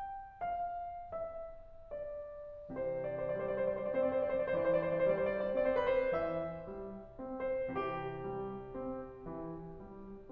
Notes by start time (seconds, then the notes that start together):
0.38 F5
0.70 E5
1.91 D5
2.70 C3 E3 C5
2.82 D5
2.95 C5
3.12 D5
3.42 G3 C5
3.55 D5
3.68 C5
3.78 D5
3.90 C4 C5
4.04 D5
4.15 C5
4.37 D5
4.50 E3 C5
4.72 D5
4.87 C5
5.01 D5
5.15 G3 C5
5.24 D5
5.35 C5
5.48 D5
5.59 C4 C5
5.70 D5
5.82 B4
5.94 C5
6.16 E3 E5
6.71 G3
7.18 C4
7.53 C5
7.80 C3 E3 G4
8.27 G3
8.74 C4
9.31 E3
9.81 G3